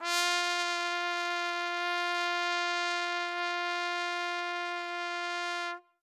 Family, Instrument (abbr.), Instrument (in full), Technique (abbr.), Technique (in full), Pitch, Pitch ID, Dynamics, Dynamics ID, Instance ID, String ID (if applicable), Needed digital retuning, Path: Brass, TpC, Trumpet in C, ord, ordinario, F4, 65, ff, 4, 0, , TRUE, Brass/Trumpet_C/ordinario/TpC-ord-F4-ff-N-T17u.wav